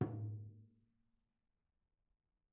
<region> pitch_keycenter=62 lokey=62 hikey=62 volume=21.047910 offset=293 lovel=0 hivel=65 seq_position=1 seq_length=2 ampeg_attack=0.004000 ampeg_release=30.000000 sample=Membranophones/Struck Membranophones/Tom 1/Mallet/TomH_HitM_v2_rr1_Mid.wav